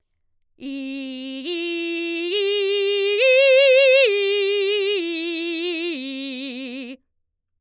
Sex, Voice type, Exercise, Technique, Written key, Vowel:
female, mezzo-soprano, arpeggios, belt, , i